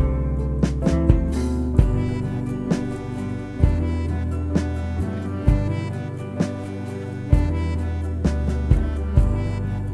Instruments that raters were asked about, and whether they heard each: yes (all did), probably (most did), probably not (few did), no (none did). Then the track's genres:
saxophone: probably
Pop; Indie-Rock